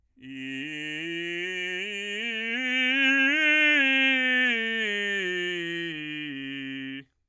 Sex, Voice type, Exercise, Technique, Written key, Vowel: male, bass, scales, belt, , i